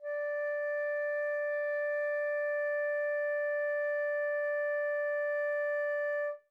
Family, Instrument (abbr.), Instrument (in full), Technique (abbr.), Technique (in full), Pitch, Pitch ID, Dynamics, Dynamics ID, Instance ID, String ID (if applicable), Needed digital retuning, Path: Winds, Fl, Flute, ord, ordinario, D5, 74, mf, 2, 0, , TRUE, Winds/Flute/ordinario/Fl-ord-D5-mf-N-T11d.wav